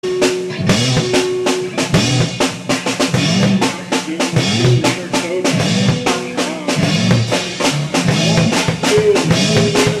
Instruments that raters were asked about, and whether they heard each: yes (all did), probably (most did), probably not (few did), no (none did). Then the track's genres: flute: no
synthesizer: no
drums: yes
violin: no
Avant-Garde; Experimental; Loud-Rock; Noise-Rock; Alternative Hip-Hop